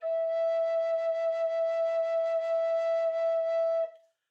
<region> pitch_keycenter=76 lokey=76 hikey=79 tune=-3 volume=12.864687 offset=688 ampeg_attack=0.004000 ampeg_release=0.300000 sample=Aerophones/Edge-blown Aerophones/Baroque Bass Recorder/SusVib/BassRecorder_SusVib_E4_rr1_Main.wav